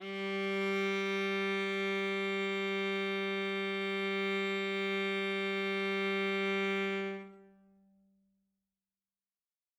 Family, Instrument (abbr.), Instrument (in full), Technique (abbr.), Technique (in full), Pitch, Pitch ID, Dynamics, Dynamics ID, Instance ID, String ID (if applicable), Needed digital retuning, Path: Strings, Va, Viola, ord, ordinario, G3, 55, ff, 4, 2, 3, FALSE, Strings/Viola/ordinario/Va-ord-G3-ff-3c-N.wav